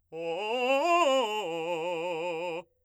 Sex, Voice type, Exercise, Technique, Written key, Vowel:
male, , arpeggios, fast/articulated forte, F major, o